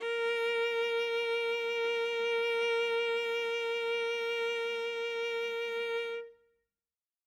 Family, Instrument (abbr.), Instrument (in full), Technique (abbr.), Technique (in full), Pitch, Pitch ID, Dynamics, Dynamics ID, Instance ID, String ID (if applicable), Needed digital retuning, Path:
Strings, Va, Viola, ord, ordinario, A#4, 70, ff, 4, 1, 2, FALSE, Strings/Viola/ordinario/Va-ord-A#4-ff-2c-N.wav